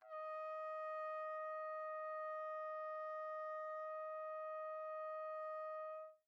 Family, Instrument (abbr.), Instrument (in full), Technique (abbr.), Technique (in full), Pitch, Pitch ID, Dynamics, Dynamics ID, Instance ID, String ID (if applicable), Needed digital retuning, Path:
Brass, TpC, Trumpet in C, ord, ordinario, D#5, 75, pp, 0, 0, , FALSE, Brass/Trumpet_C/ordinario/TpC-ord-D#5-pp-N-N.wav